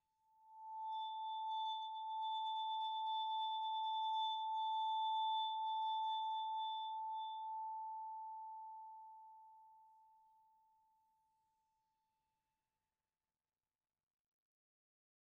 <region> pitch_keycenter=81 lokey=78 hikey=84 volume=25.358496 offset=15166 ampeg_attack=0.004000 ampeg_release=5.000000 sample=Idiophones/Struck Idiophones/Vibraphone/Bowed/Vibes_bowed_A4_rr1_Main.wav